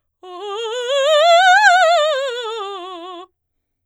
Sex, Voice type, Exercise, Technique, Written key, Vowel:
female, soprano, scales, fast/articulated forte, F major, o